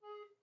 <region> pitch_keycenter=68 lokey=68 hikey=69 tune=-9 volume=21.246724 offset=561 ampeg_attack=0.004000 ampeg_release=10.000000 sample=Aerophones/Edge-blown Aerophones/Baroque Alto Recorder/Staccato/AltRecorder_Stac_G#3_rr1_Main.wav